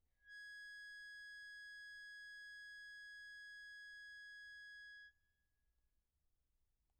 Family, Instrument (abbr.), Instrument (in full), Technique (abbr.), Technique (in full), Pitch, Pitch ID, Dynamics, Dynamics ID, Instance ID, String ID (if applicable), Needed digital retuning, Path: Keyboards, Acc, Accordion, ord, ordinario, G#6, 92, pp, 0, 0, , FALSE, Keyboards/Accordion/ordinario/Acc-ord-G#6-pp-N-N.wav